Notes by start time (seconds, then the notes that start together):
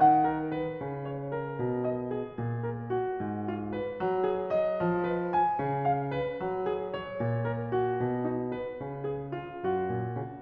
0.00 D#3 F#5
0.35 A#4
0.62 B4
0.82 C#3
1.10 C#5
1.30 A#4
1.53 B2
1.87 D#5
2.07 G#4
2.30 A#2
2.60 A#4
2.95 F#4
3.23 G#2
3.49 F4
3.73 B4
3.98 F#3
4.24 G#4
4.52 D#5
4.82 F3
5.15 B4
5.36 G#5
5.60 C#3
5.85 F5
6.15 B4
6.40 F#3
6.69 G#4
6.88 C#5
7.14 A#2
7.44 A#4
7.69 F#4
8.00 B2
8.27 D#4
8.56 B4
8.82 C#3
9.15 G#4
9.38 F4
9.65 F#2 F#4
9.86 A#2
10.15 C#3